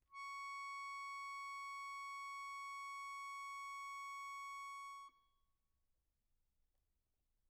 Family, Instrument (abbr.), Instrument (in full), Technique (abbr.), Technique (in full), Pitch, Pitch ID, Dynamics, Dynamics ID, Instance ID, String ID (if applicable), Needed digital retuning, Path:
Keyboards, Acc, Accordion, ord, ordinario, C#6, 85, pp, 0, 1, , FALSE, Keyboards/Accordion/ordinario/Acc-ord-C#6-pp-alt1-N.wav